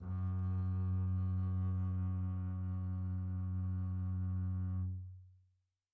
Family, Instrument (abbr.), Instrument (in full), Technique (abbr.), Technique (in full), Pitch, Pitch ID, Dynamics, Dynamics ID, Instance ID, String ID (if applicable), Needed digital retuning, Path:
Strings, Cb, Contrabass, ord, ordinario, F#2, 42, pp, 0, 2, 3, FALSE, Strings/Contrabass/ordinario/Cb-ord-F#2-pp-3c-N.wav